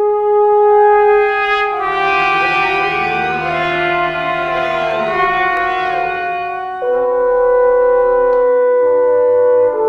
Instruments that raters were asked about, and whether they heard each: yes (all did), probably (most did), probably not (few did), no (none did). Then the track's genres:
trumpet: probably
saxophone: probably not
trombone: probably not
clarinet: probably not
Classical; Composed Music